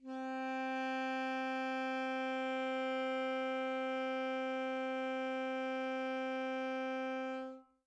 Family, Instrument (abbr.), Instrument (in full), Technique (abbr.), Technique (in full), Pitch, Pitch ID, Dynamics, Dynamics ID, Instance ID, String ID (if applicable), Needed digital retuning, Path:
Winds, ASax, Alto Saxophone, ord, ordinario, C4, 60, mf, 2, 0, , FALSE, Winds/Sax_Alto/ordinario/ASax-ord-C4-mf-N-N.wav